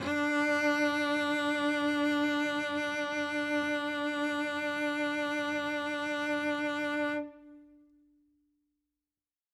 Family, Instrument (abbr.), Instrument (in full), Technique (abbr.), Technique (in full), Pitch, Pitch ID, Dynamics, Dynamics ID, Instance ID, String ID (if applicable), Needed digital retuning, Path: Strings, Vc, Cello, ord, ordinario, D4, 62, ff, 4, 1, 2, FALSE, Strings/Violoncello/ordinario/Vc-ord-D4-ff-2c-N.wav